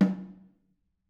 <region> pitch_keycenter=60 lokey=60 hikey=60 volume=11.768738 offset=212 lovel=100 hivel=127 seq_position=2 seq_length=2 ampeg_attack=0.004000 ampeg_release=15.000000 sample=Membranophones/Struck Membranophones/Snare Drum, Modern 2/Snare3M_HitNS_v5_rr2_Mid.wav